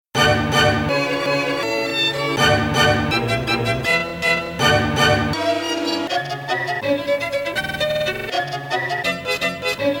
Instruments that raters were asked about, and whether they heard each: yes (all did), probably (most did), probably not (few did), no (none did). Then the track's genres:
violin: yes
Electronic